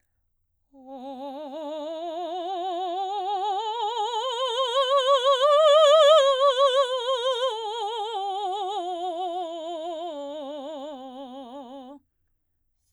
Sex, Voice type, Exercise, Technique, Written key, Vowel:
female, soprano, scales, slow/legato forte, C major, o